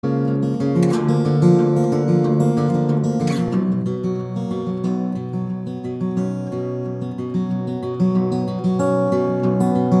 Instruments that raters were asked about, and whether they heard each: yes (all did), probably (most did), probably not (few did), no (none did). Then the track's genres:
saxophone: no
trombone: no
guitar: yes
Pop; Folk; Singer-Songwriter